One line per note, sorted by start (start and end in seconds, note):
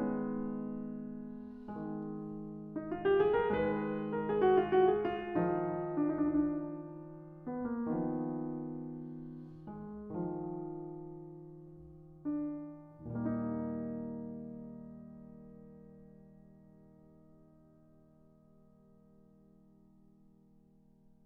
0.00 1.88 D#3
0.00 1.88 G#3
1.93 3.66 D#3
1.93 3.66 G#3
2.60 2.87 D#4
2.87 3.07 F4
3.07 3.24 G4
3.24 3.38 G#4
3.38 3.56 A#4
3.56 4.19 B4
3.73 5.58 D#3
3.73 5.58 G#3
4.19 4.32 A#4
4.32 4.42 G#4
4.42 4.59 F#4
4.59 4.81 F4
4.81 5.03 F#4
5.03 5.25 G#4
5.25 5.48 F4
5.48 12.20 D4
5.64 8.13 D#3
5.64 8.13 F3
7.45 7.67 B3
7.67 7.98 A#3
7.98 9.68 B3
8.17 10.30 D#3
8.17 10.30 F3
9.68 10.19 G#3
10.19 12.89 F3
10.39 12.97 D#3
12.25 12.89 D4
12.89 18.02 G3
12.89 18.02 A#3
12.89 18.02 D#4
13.01 18.26 D#2
13.01 18.26 A#2
13.01 18.26 D#3